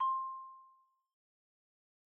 <region> pitch_keycenter=72 lokey=70 hikey=75 volume=10.450987 lovel=0 hivel=83 ampeg_attack=0.004000 ampeg_release=15.000000 sample=Idiophones/Struck Idiophones/Xylophone/Soft Mallets/Xylo_Soft_C5_pp_01_far.wav